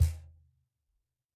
<region> pitch_keycenter=62 lokey=62 hikey=62 volume=2.982192 lovel=0 hivel=65 seq_position=2 seq_length=2 ampeg_attack=0.004000 ampeg_release=30.000000 sample=Idiophones/Struck Idiophones/Cajon/Cajon_hit3_p_rr1.wav